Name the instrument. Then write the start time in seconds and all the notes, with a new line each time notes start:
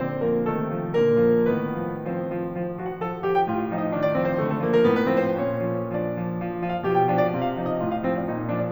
piano
0.00 D3 C4 C5
0.21 F3 A#3 A#4
0.51 C3 D#3 A3 A4
0.71 F3
1.04 A#2 D3 A#3 A#4
1.28 F3
1.50 A2 D#3 B3 B4
1.85 F3
2.15 F3 C4 C5
2.31 F3
2.60 F3
2.82 F3 F#4
2.93 F#5
3.02 F3 A4
3.11 A5
3.22 F3 G4
3.32 G5
3.42 A2 F4
3.56 F5
3.67 F3 D#4
3.76 D#5
3.87 D#3 D4
3.99 D5
4.13 F3 C4
4.23 C5
4.38 D3 A3
4.48 A4
4.64 F3 A#3
4.76 A#4
4.88 A2 B3
4.97 B4
5.11 F3 C4
5.28 C5
5.41 A#2 C#4 C#5
5.67 F3
5.91 F3 D4 D5
6.10 F3
6.34 F3
6.59 F3 F4
6.69 F5
6.84 B2 F3 G4
6.93 G5
7.09 F3 D4
7.20 D5
7.30 C3 F4
7.43 F5
7.55 F3 D#4
7.67 D#5
7.80 A2 F4
7.89 F5
8.00 F3 C4
8.15 C5
8.27 A#2 D#4
8.36 D#5
8.48 F3 D4
8.61 D5